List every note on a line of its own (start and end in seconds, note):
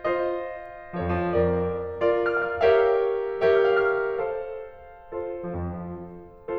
0.00 1.99 F4
0.00 0.95 C5
0.00 0.95 D#5
1.02 1.18 F3
1.02 1.31 A4
1.02 1.31 C#5
1.13 1.28 F2
1.24 1.40 F3
1.32 1.99 F2
1.32 1.99 A#4
1.32 1.99 D5
2.00 2.67 F4
2.00 2.67 A#4
2.00 2.67 D5
2.35 2.51 F6
2.46 2.60 F5
2.55 2.74 F6
2.68 3.51 G4
2.68 3.51 A#4
2.68 3.51 C#5
2.68 3.51 E5
2.68 3.51 F5
3.52 4.18 G4
3.52 4.18 A#4
3.52 4.18 C#5
3.52 4.18 E5
3.87 4.02 F6
3.97 4.12 F5
4.06 4.18 F6
4.19 4.91 A4
4.19 4.91 C5
4.19 4.91 F5
4.92 6.58 F4
4.92 6.58 A4
4.92 6.58 C5
5.28 5.51 F3
5.54 5.94 F2
5.96 6.58 F3